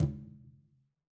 <region> pitch_keycenter=65 lokey=65 hikey=65 volume=16.114862 lovel=107 hivel=127 seq_position=2 seq_length=2 ampeg_attack=0.004000 ampeg_release=15.000000 sample=Membranophones/Struck Membranophones/Conga/Tumba_HitN_v4_rr2_Sum.wav